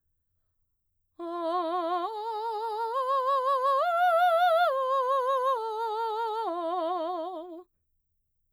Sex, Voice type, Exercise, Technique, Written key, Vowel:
female, mezzo-soprano, arpeggios, slow/legato piano, F major, o